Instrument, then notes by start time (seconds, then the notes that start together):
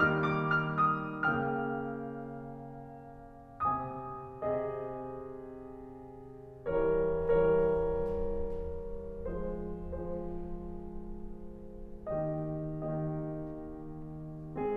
piano
0.00 D#3 G3 A#3 D#4 F6
0.34 D6
0.58 F6
0.91 D#6
1.35 C#3 A#3 G5 F6
3.70 C3 C4 G#4 D#5
4.24 C3 C4 G#4 D#5
6.66 E3 G3 A#4 C#5
6.97 E3 G3 A#4 C#5
8.94 F3 G#3 G#4 C5
9.46 F3 G#3 G#4 C5
12.10 D#3 A#3 G4 D#5
12.50 D#3 A#3 G4 D#5